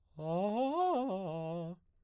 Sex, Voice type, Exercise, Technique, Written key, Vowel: male, baritone, arpeggios, fast/articulated piano, F major, a